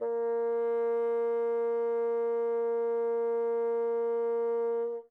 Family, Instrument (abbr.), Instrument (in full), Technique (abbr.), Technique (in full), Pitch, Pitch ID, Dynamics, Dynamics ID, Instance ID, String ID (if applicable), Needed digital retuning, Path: Winds, Bn, Bassoon, ord, ordinario, A#3, 58, mf, 2, 0, , FALSE, Winds/Bassoon/ordinario/Bn-ord-A#3-mf-N-N.wav